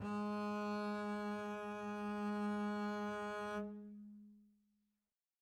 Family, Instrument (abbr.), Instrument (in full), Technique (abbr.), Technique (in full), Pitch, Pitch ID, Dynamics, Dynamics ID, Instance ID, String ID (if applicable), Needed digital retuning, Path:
Strings, Cb, Contrabass, ord, ordinario, G#3, 56, mf, 2, 0, 1, TRUE, Strings/Contrabass/ordinario/Cb-ord-G#3-mf-1c-T13u.wav